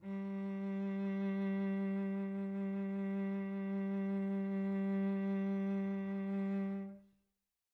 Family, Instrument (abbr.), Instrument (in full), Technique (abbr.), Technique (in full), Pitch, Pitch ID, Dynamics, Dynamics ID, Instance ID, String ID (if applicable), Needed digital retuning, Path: Strings, Vc, Cello, ord, ordinario, G3, 55, pp, 0, 3, 4, FALSE, Strings/Violoncello/ordinario/Vc-ord-G3-pp-4c-N.wav